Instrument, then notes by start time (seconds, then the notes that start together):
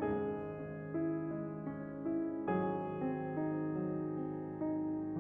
piano
0.00 G#1 G#2 G#3 G#4
0.44 C#4
0.88 E4
1.32 G#3
1.70 C#4
2.17 E4
2.58 G#1 G#2 F#3 G#4
3.02 C4
3.40 D#4
3.78 F#3
4.19 C4
4.60 D#4